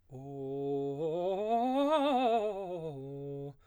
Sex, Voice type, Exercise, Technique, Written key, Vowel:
male, baritone, scales, fast/articulated piano, C major, o